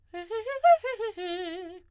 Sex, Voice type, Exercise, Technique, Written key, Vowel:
female, soprano, arpeggios, fast/articulated forte, F major, e